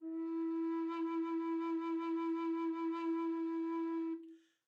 <region> pitch_keycenter=64 lokey=64 hikey=64 tune=-2 volume=17.233974 offset=426 ampeg_attack=0.004000 ampeg_release=0.300000 sample=Aerophones/Edge-blown Aerophones/Baroque Bass Recorder/SusVib/BassRecorder_SusVib_E3_rr1_Main.wav